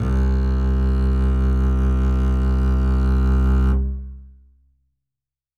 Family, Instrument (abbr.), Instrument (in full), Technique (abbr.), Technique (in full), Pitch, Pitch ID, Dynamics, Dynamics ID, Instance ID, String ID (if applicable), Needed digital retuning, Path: Strings, Cb, Contrabass, ord, ordinario, C2, 36, ff, 4, 2, 3, FALSE, Strings/Contrabass/ordinario/Cb-ord-C2-ff-3c-N.wav